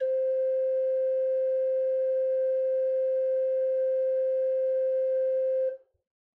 <region> pitch_keycenter=60 lokey=60 hikey=61 ampeg_attack=0.004000 ampeg_release=0.300000 amp_veltrack=0 sample=Aerophones/Edge-blown Aerophones/Renaissance Organ/4'/RenOrgan_4foot_Room_C3_rr1.wav